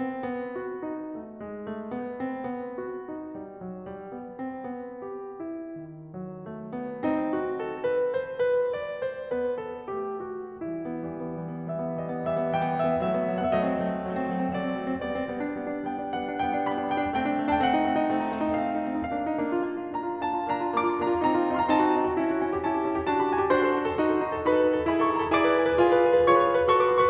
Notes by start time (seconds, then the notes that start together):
0.01 C4
0.24 B3
0.57 F#4
0.84 D#4
1.13 A3
1.41 G#3
1.68 A3
1.96 B3
2.23 C4
2.47 B3
2.87 F#4
3.07 D#4
3.37 G3
3.60 F#3
3.86 G3
4.12 B3
4.37 C4
4.68 B3
4.99 G4
5.42 E4
5.82 D#3
6.16 F#3
6.44 A3
6.72 B3
7.02 C4 D#4
7.32 F#4
7.65 A4
7.87 B4
8.14 C5
8.39 B4
8.74 D5
9.02 C5
9.28 B3 B4
9.60 A4
9.92 A3 G4
10.21 F#4
10.57 E3 G3 E4
10.71 B3
10.90 E3 G3
11.00 B3
11.22 E3 G3
11.34 B3
11.66 E3 G3 E5
11.79 B3
11.94 E3 G3 D#5
12.12 B3
12.22 E3 G3 E5
12.35 B3
12.63 E3 G3 G5
12.73 B3
12.92 E3 G3 E5
13.03 B3
13.15 F#3 A3 E5
13.31 B3
13.52 F#3 A3
13.66 C4 F#5
13.71 E5
13.80 F#3 A3 D#5
13.88 C4
13.98 F#3 A3
14.08 C4
14.18 F#3 A3
14.29 C4
14.39 F#3 A3
14.51 C4
14.62 F#3 A3 D5
14.73 C4
14.82 F#3 A3
14.91 C4
15.03 G3 B3 D5
15.16 C4
15.33 G3 B3
15.49 D4
15.63 G3 B3
15.74 D4
15.88 G3 B3 G5
15.97 D4
16.18 G3 B3 F#5
16.27 D4
16.41 G3 B3 G5
16.53 D4
16.65 G3 B3 B5
16.77 D4
16.89 G3 B3 G5
17.01 D4
17.13 A3 C4 G5
17.25 D4
17.41 A3 C4
17.49 D#4 A5
17.57 G5
17.62 A3 C4 F#5
17.76 D#4
17.85 A3 C4
17.97 D#4
18.08 A3 C4
18.19 D#4
18.30 A3 C4
18.42 D#4
18.59 A3 C4 F5
18.72 D#4
18.83 A3 C4
18.94 D#4
19.03 A#3 D4 F5
19.13 D#4
19.36 A#3 D4
19.50 F4
19.66 A#3 D4
19.78 F4
19.95 A#3 D4 A#5
20.09 F4
20.22 A#3 D4 A5
20.35 F4
20.47 A#3 D4 A#5
20.68 F4
20.85 A#3 D4 D6
20.95 F4
21.08 A#3 D4 A#5
21.17 F4
21.29 C4 D#4 A#5
21.41 F4
21.51 C4 D#4
21.62 F#4 C6
21.67 A#5
21.73 C4 D#4 A5
21.83 F#4
21.94 C4 D#4
22.03 F#4
22.18 C#4 E4
22.30 F#4
22.39 C#4 E4
22.47 G4
22.59 C#4 E4 A5
22.71 G4
22.84 C#4 E4
22.92 G4
23.01 D4 F#4 A5
23.12 G4
23.26 D4 F#4 B5
23.32 A5
23.37 A4 G#5
23.41 A5
23.48 D4 F#4 C5 C6
23.57 A4
23.70 D4 F#4
23.84 A4
23.96 D#4 F#4
24.07 A4
24.15 D#4 F#4
24.27 A4
24.38 D#4 F#4 B4 B5
24.49 A4
24.58 D#4 F#4
24.70 A4
24.84 E4 G#4 B5
24.99 A4
25.07 E4 G#4 C#6
25.12 B5
25.21 B4 A#5
25.26 B5
25.30 E4 G#4 D5 D6
25.41 B4
25.54 E4 G#4
25.61 B4
25.79 F4 G#4
25.91 B4
26.05 F4 G#4
26.14 B4
26.27 F4 G#4 C#5 C#6
26.38 B4
26.50 F4 G#4
26.62 B4
26.72 F#4 A4 C#6
26.81 B4
26.91 F#4 A4 C#6 D#6
27.00 B4 C6
27.05 C#6